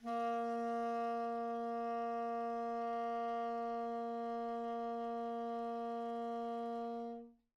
<region> pitch_keycenter=58 lokey=58 hikey=59 volume=22.285937 lovel=0 hivel=83 ampeg_attack=0.004000 ampeg_release=0.500000 sample=Aerophones/Reed Aerophones/Tenor Saxophone/Non-Vibrato/Tenor_NV_Main_A#2_vl2_rr1.wav